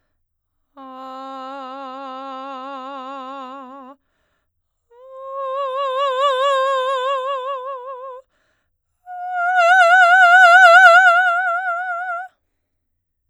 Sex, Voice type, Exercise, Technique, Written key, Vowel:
female, soprano, long tones, messa di voce, , a